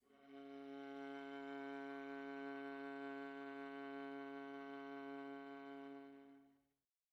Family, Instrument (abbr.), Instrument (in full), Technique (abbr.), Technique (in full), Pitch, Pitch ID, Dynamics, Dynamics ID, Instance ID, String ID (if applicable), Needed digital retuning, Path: Strings, Va, Viola, ord, ordinario, C#3, 49, pp, 0, 3, 4, TRUE, Strings/Viola/ordinario/Va-ord-C#3-pp-4c-T22u.wav